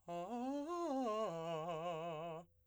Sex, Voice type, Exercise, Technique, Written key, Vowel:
male, , arpeggios, fast/articulated piano, F major, a